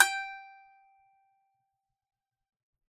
<region> pitch_keycenter=79 lokey=79 hikey=80 volume=-3.798125 lovel=100 hivel=127 ampeg_attack=0.004000 ampeg_release=15.000000 sample=Chordophones/Composite Chordophones/Strumstick/Finger/Strumstick_Finger_Str3_Main_G4_vl3_rr1.wav